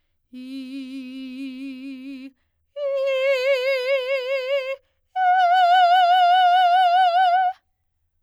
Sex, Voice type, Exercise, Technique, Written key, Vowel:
female, soprano, long tones, full voice forte, , i